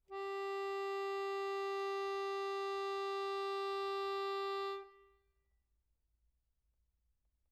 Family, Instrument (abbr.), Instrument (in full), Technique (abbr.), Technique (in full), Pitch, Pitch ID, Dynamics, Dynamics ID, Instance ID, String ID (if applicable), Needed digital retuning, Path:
Keyboards, Acc, Accordion, ord, ordinario, G4, 67, mf, 2, 0, , FALSE, Keyboards/Accordion/ordinario/Acc-ord-G4-mf-N-N.wav